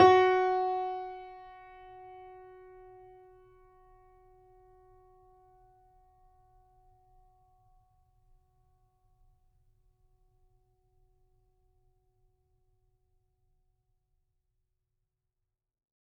<region> pitch_keycenter=66 lokey=66 hikey=67 volume=3.706707 lovel=100 hivel=127 locc64=0 hicc64=64 ampeg_attack=0.004000 ampeg_release=0.400000 sample=Chordophones/Zithers/Grand Piano, Steinway B/NoSus/Piano_NoSus_Close_F#4_vl4_rr1.wav